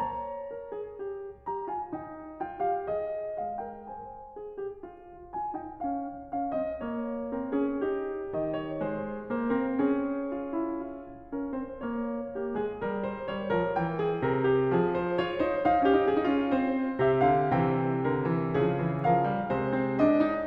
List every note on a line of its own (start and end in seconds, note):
0.00 3.41 C#5
0.00 0.99 A#5
0.57 0.72 A#4
0.72 0.99 G#4
0.99 1.49 G4
1.49 1.71 G4
1.49 1.71 A#5
1.71 1.95 F4
1.71 1.95 G#5
1.95 2.45 D#4
1.95 2.45 G5
2.45 2.62 F4
2.45 2.62 G5
2.62 2.86 G4
2.62 2.86 F5
2.86 3.41 G#4
2.86 3.41 D#5
3.41 3.90 G#3
3.41 3.63 G#4
3.41 3.63 F5
3.63 3.90 A#4
3.63 3.90 G5
3.90 7.38 C5
3.90 4.90 G#5
4.37 4.68 G#4
4.68 4.90 G4
4.90 5.31 F4
5.31 5.55 F4
5.31 5.55 G#5
5.55 5.80 D#4
5.55 5.80 G5
5.80 6.35 C#4
5.80 6.35 F5
6.35 6.56 C#4
6.35 6.56 F5
6.56 6.82 C4
6.56 6.82 D#5
6.82 7.38 A#3
6.82 8.36 C#5
7.38 7.56 C4
7.38 7.56 A#4
7.56 7.85 C#4
7.56 7.85 G#4
7.85 8.36 D#4
7.85 10.34 G4
8.36 8.82 D#3
8.36 8.59 D#5
8.59 8.82 C#5
8.82 9.23 G#3
8.82 9.23 C5
9.23 9.47 A#3
9.23 9.47 C5
9.47 9.80 C4
9.47 9.80 A#4
9.80 11.33 C#4
9.80 11.33 G#4
10.34 10.57 F4
10.57 10.97 E4
10.97 12.33 F4
11.33 11.51 C#4
11.33 11.51 A#4
11.51 11.76 C4
11.51 11.76 C5
11.76 12.33 A#3
11.76 13.11 C#5
12.33 12.55 A#3
12.33 12.55 G4
12.55 12.85 G#3
12.55 12.85 G#4
12.85 13.31 G3
12.85 13.99 A#4
13.11 13.31 C5
13.31 13.55 G3
13.31 13.55 C#5
13.55 13.78 F3
13.55 13.78 A#4
13.78 14.23 E3
13.78 14.97 G5
13.99 14.23 G#4
14.23 14.73 C3
14.23 14.51 A#4
14.51 14.73 G4
14.73 15.23 F3
14.73 15.89 G#4
14.97 15.23 C5
15.23 15.48 F4
15.23 15.48 C#5
15.48 15.64 D#4
15.48 15.72 C5
15.72 15.81 D#4
15.72 17.07 F5
15.81 15.86 C#4
15.86 15.92 D#4
15.86 16.13 G4
15.92 16.01 C#4
16.01 16.10 D#4
16.10 16.17 C#4
16.10 16.31 G#4
16.17 16.25 D#4
16.25 16.31 C#4
16.31 16.37 D#4
16.31 16.51 F4
16.37 16.52 C#4
16.51 17.08 C4
16.51 17.07 C5
17.07 17.32 C3
17.07 17.52 G4
17.07 17.31 E5
17.31 17.53 D3
17.31 17.52 F5
17.52 18.54 C3
17.52 18.04 E3
17.52 18.03 C5
17.52 19.05 G5
18.03 18.23 D3
18.03 18.54 A#4
18.23 18.55 E3
18.54 19.56 C#3
18.54 18.76 F3
18.54 19.05 G#4
18.76 19.06 E3
19.05 19.26 F3
19.05 19.56 A#4
19.05 20.02 F5
19.26 19.59 G3
19.56 20.47 C3
19.56 20.47 G#3
19.56 19.75 C5
19.75 20.02 C4
20.02 20.26 D4
20.02 20.47 D#5
20.26 20.47 D#4